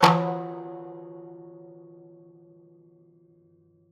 <region> pitch_keycenter=63 lokey=63 hikey=63 volume=2.000000 offset=71 ampeg_attack=0.004000 ampeg_release=0.300000 sample=Chordophones/Zithers/Dan Tranh/FX/FX_07c.wav